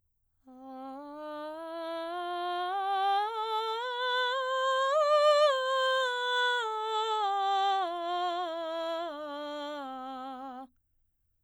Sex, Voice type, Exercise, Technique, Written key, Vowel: female, soprano, scales, straight tone, , a